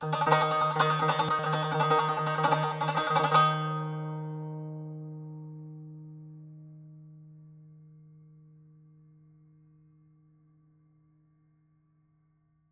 <region> pitch_keycenter=51 lokey=51 hikey=52 volume=6.984108 offset=250 ampeg_attack=0.004000 ampeg_release=0.300000 sample=Chordophones/Zithers/Dan Tranh/Tremolo/D#2_Trem_1.wav